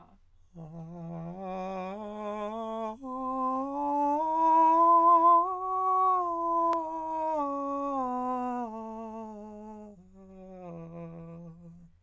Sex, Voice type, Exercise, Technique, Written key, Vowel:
male, countertenor, scales, slow/legato piano, F major, a